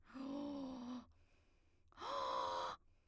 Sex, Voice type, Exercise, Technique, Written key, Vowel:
female, soprano, long tones, inhaled singing, , o